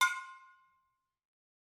<region> pitch_keycenter=61 lokey=61 hikey=61 volume=9.214820 offset=265 lovel=66 hivel=99 ampeg_attack=0.004000 ampeg_release=10.000000 sample=Idiophones/Struck Idiophones/Brake Drum/BrakeDrum1_Hammer_v2_rr1_Mid.wav